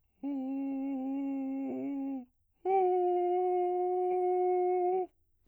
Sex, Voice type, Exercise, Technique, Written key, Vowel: male, bass, long tones, inhaled singing, , o